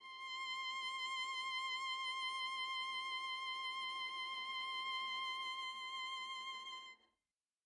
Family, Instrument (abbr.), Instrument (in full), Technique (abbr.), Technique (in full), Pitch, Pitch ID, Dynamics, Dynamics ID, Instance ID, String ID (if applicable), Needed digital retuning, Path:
Strings, Va, Viola, ord, ordinario, C6, 84, mf, 2, 0, 1, TRUE, Strings/Viola/ordinario/Va-ord-C6-mf-1c-T12u.wav